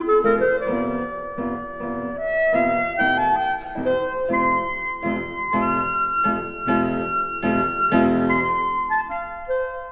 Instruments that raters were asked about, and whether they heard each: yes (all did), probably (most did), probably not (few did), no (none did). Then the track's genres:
drums: no
violin: probably not
clarinet: yes
guitar: no
trumpet: no
Classical; Opera